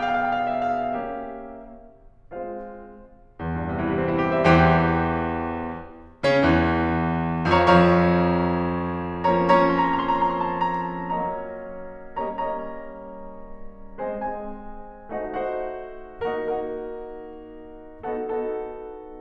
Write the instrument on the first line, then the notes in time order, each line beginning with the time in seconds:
piano
0.00 B3 G#4 D5 F5
0.07 G5
0.16 F5
0.23 G5
0.31 F5
0.38 G5
0.45 F5
0.51 G5
0.60 F5
0.67 G5
0.73 F5 G5
0.81 E5
0.95 F5
1.09 A#3 C#4 G4 E5
2.46 G#3 C4 F4 C5 F5
3.38 E2
3.46 G2
3.54 C3
3.63 E3
3.70 G3
3.78 C4
3.87 E4
3.97 G4
4.17 C5
4.26 E5
4.45 E2 E3 G4 C5 G5
6.33 C#3 C#4
6.48 E2 E3
7.49 F2 F3 C#5 F5 A#5 C#6
7.64 F2 F3 C#5 F5 A#5 C#6
9.71 F3 A#3 C#4 C#5 A#5
9.86 F3 A#3 C#4 C#5 A#5
9.94 C6
10.04 A#5
10.11 C6
10.21 A#5
10.27 C6
10.37 A#5
10.51 C6
10.58 A#5
10.65 C6
10.70 A#5
10.79 C6
10.83 A#5
10.91 C6
10.98 A5
11.09 A#5
11.16 F#3 A#3 C#4 C#5 D#5 A#5
12.14 G3 A#3 C#4 C#5 D#5 A#5
12.23 G3 A#3 C#4 C#5 D#5 A#5
14.02 G#3 C4 C5 D#5 G#5
14.15 G#3 C4 C5 D#5 G#5
15.10 A3 D#4 F#4 C5 D#5 F#5
15.23 A3 D#4 F#4 C5 D#5 F#5
16.22 A#3 D#4 F#4 A#4 D#5 F#5
16.36 A#3 D#4 F#4 A#4 D#5 F#5
18.13 B3 D#4 F#4 A4 D#5 F#5
18.26 B3 D#4 F#4 A4 D#5 F#5